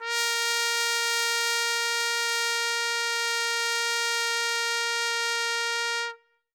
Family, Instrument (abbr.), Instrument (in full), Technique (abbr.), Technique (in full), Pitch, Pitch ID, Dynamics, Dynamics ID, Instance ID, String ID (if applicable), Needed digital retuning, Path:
Brass, TpC, Trumpet in C, ord, ordinario, A#4, 70, ff, 4, 0, , FALSE, Brass/Trumpet_C/ordinario/TpC-ord-A#4-ff-N-N.wav